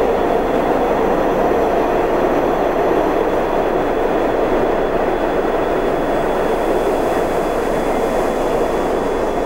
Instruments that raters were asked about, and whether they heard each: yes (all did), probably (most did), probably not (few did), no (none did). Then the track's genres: ukulele: no
piano: no
Ambient Electronic